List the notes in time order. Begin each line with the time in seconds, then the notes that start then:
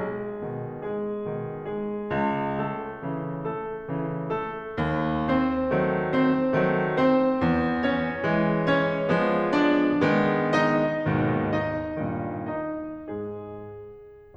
0.00 G#3 G#4
0.44 B2 D#3
1.03 G#3 G#4
1.37 B2 D#3
1.68 G#3 G#4
2.07 C#2
2.61 A3 A4
3.15 C#3 E3
3.45 A3 A4
3.87 C#3 E3
4.34 A3 A4
4.71 D#2
5.28 C4 C5
5.74 D#3 F#3 A3
6.10 C4 C5
6.52 D#3 F#3 A3
6.90 C4 C5
7.41 E2
7.79 C#4 C#5
8.20 E3 G#3
8.61 C#4 C#5
9.04 F3 G#3 B3
9.44 D4 D5
10.05 D#3 G#3 B3
10.59 D#4 D#5
11.06 D#2 G#2 B2 D#3
11.64 D#4 D#5
12.00 D#2 G2 A#2 D#3
12.48 D#4 D#5
13.08 G#2 G#3 G#4